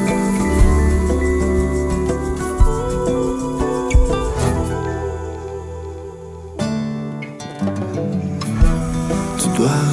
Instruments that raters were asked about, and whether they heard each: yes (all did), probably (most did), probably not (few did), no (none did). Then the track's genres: banjo: probably
mandolin: probably
Electronic; Experimental Pop